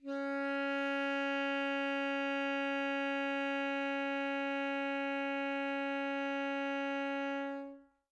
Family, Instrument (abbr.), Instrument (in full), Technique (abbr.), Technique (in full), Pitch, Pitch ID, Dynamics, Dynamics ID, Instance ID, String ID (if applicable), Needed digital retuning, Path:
Winds, ASax, Alto Saxophone, ord, ordinario, C#4, 61, mf, 2, 0, , FALSE, Winds/Sax_Alto/ordinario/ASax-ord-C#4-mf-N-N.wav